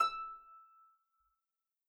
<region> pitch_keycenter=88 lokey=88 hikey=89 volume=11.897952 xfin_lovel=70 xfin_hivel=100 ampeg_attack=0.004000 ampeg_release=30.000000 sample=Chordophones/Composite Chordophones/Folk Harp/Harp_Normal_E5_v3_RR1.wav